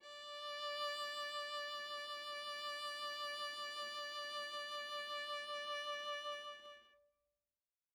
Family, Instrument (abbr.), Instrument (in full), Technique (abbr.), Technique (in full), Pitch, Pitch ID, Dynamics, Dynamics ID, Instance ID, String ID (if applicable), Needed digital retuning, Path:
Strings, Va, Viola, ord, ordinario, D5, 74, mf, 2, 0, 1, FALSE, Strings/Viola/ordinario/Va-ord-D5-mf-1c-N.wav